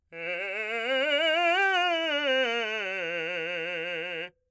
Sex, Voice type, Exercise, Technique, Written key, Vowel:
male, , scales, fast/articulated forte, F major, e